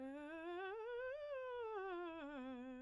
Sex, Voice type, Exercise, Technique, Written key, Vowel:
female, soprano, scales, fast/articulated piano, C major, e